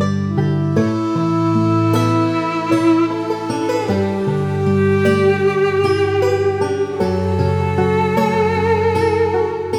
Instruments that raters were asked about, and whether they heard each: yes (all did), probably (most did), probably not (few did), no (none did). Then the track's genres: saxophone: probably
accordion: no
Folk